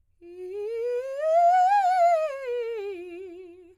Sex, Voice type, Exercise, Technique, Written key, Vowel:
female, soprano, scales, fast/articulated piano, F major, i